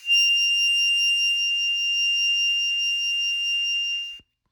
<region> pitch_keycenter=101 lokey=99 hikey=102 volume=12.859392 trigger=attack ampeg_attack=0.004000 ampeg_release=0.100000 sample=Aerophones/Free Aerophones/Harmonica-Hohner-Special20-F/Sustains/HandVib/Hohner-Special20-F_HandVib_F6.wav